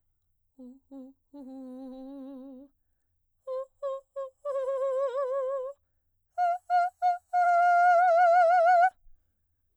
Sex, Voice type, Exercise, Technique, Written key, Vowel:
female, soprano, long tones, trillo (goat tone), , u